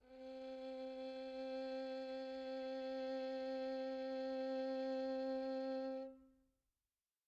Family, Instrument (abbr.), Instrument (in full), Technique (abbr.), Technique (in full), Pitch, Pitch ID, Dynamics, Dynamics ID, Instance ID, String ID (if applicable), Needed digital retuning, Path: Strings, Vn, Violin, ord, ordinario, C4, 60, pp, 0, 3, 4, FALSE, Strings/Violin/ordinario/Vn-ord-C4-pp-4c-N.wav